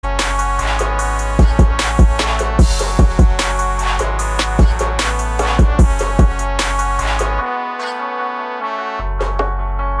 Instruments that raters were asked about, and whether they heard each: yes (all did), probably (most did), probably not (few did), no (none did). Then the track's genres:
trumpet: no
bass: probably not
trombone: probably not
Electronic; Hip-Hop Beats; Instrumental